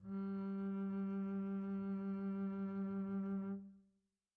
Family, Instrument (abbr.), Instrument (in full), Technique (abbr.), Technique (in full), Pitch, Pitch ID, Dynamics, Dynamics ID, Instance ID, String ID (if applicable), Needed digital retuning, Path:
Strings, Cb, Contrabass, ord, ordinario, G3, 55, pp, 0, 2, 3, FALSE, Strings/Contrabass/ordinario/Cb-ord-G3-pp-3c-N.wav